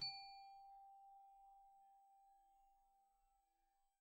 <region> pitch_keycenter=67 lokey=67 hikey=69 volume=28.354655 xfout_lovel=0 xfout_hivel=83 ampeg_attack=0.004000 ampeg_release=15.000000 sample=Idiophones/Struck Idiophones/Glockenspiel/glock_soft_G4_01.wav